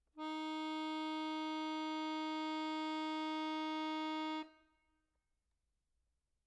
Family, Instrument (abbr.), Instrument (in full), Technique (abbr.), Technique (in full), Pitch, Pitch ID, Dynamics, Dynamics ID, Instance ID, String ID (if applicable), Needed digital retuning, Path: Keyboards, Acc, Accordion, ord, ordinario, D#4, 63, mf, 2, 3, , FALSE, Keyboards/Accordion/ordinario/Acc-ord-D#4-mf-alt3-N.wav